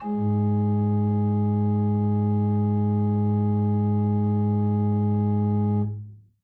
<region> pitch_keycenter=44 lokey=44 hikey=45 volume=6.253375 ampeg_attack=0.004000 ampeg_release=0.300000 amp_veltrack=0 sample=Aerophones/Edge-blown Aerophones/Renaissance Organ/Full/RenOrgan_Full_Room_G#1_rr1.wav